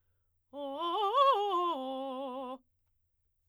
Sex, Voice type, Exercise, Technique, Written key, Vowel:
female, soprano, arpeggios, fast/articulated forte, C major, o